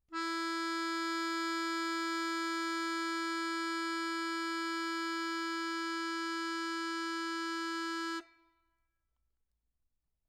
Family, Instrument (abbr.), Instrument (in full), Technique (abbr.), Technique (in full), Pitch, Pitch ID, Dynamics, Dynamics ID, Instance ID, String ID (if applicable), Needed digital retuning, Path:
Keyboards, Acc, Accordion, ord, ordinario, E4, 64, mf, 2, 1, , FALSE, Keyboards/Accordion/ordinario/Acc-ord-E4-mf-alt1-N.wav